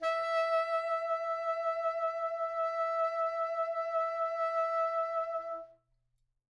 <region> pitch_keycenter=76 lokey=76 hikey=77 tune=1 volume=14.686480 ampeg_attack=0.004000 ampeg_release=0.500000 sample=Aerophones/Reed Aerophones/Tenor Saxophone/Vibrato/Tenor_Vib_Main_E4_var4.wav